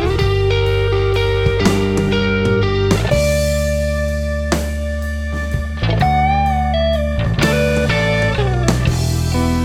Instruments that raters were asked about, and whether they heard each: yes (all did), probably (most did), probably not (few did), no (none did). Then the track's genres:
cymbals: yes
Pop; Folk; Singer-Songwriter